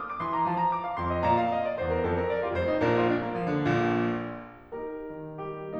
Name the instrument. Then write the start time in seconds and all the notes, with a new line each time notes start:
piano
0.01 D#6
0.11 D6
0.24 E3 C6
0.35 A#5
0.51 F3 A5
0.62 A#5
0.74 D6
0.85 F5
0.97 F2 C6
1.09 D#5
1.24 A#2 D5 A#5
1.36 F5
1.53 D#5
1.68 D5
1.81 E2 C5
1.93 A#4
2.07 F2 A4
2.21 A#4
2.29 D5
2.43 F4
2.56 F1 F2 C5
2.72 D#4
2.86 A#1 A#2 D4 A#4
3.00 F4
3.15 D4
3.28 A#3
3.43 F3
3.57 D3
3.70 A#1 A#2
4.78 A#3 D#4 G4 A#4
5.14 D#3
5.44 G3 G4